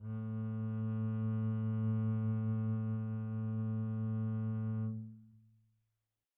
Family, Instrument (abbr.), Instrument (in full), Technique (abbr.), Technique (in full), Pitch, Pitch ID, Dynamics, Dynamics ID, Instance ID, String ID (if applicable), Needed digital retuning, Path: Strings, Cb, Contrabass, ord, ordinario, A2, 45, pp, 0, 1, 2, TRUE, Strings/Contrabass/ordinario/Cb-ord-A2-pp-2c-T12d.wav